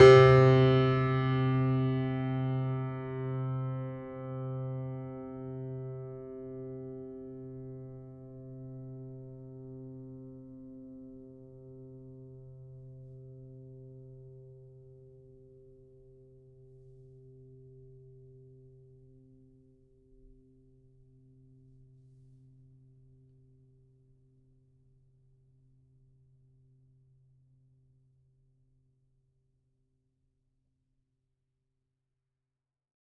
<region> pitch_keycenter=48 lokey=48 hikey=49 volume=-1.276517 lovel=100 hivel=127 locc64=65 hicc64=127 ampeg_attack=0.004000 ampeg_release=0.400000 sample=Chordophones/Zithers/Grand Piano, Steinway B/Sus/Piano_Sus_Close_C3_vl4_rr1.wav